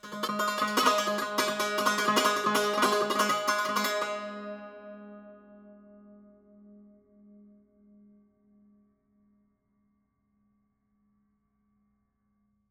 <region> pitch_keycenter=56 lokey=56 hikey=57 volume=9.214805 offset=1270 ampeg_attack=0.004000 ampeg_release=0.300000 sample=Chordophones/Zithers/Dan Tranh/Tremolo/G#2_Trem_1.wav